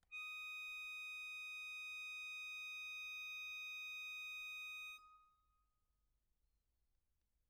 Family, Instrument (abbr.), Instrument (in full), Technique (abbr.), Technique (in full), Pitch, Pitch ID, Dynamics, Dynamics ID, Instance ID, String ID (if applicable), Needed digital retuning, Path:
Keyboards, Acc, Accordion, ord, ordinario, D#6, 87, mf, 2, 2, , FALSE, Keyboards/Accordion/ordinario/Acc-ord-D#6-mf-alt2-N.wav